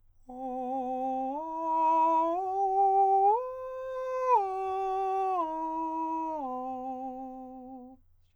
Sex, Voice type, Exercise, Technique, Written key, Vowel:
male, countertenor, arpeggios, straight tone, , o